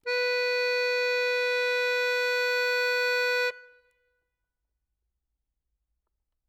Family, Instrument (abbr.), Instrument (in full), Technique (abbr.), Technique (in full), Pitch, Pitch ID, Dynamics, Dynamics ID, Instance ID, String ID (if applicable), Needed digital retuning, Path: Keyboards, Acc, Accordion, ord, ordinario, B4, 71, ff, 4, 0, , FALSE, Keyboards/Accordion/ordinario/Acc-ord-B4-ff-N-N.wav